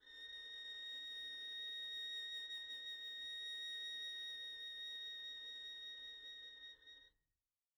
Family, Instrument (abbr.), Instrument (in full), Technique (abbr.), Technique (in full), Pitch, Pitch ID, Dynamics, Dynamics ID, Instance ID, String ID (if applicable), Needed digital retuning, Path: Strings, Vn, Violin, ord, ordinario, A#6, 94, pp, 0, 0, 1, FALSE, Strings/Violin/ordinario/Vn-ord-A#6-pp-1c-N.wav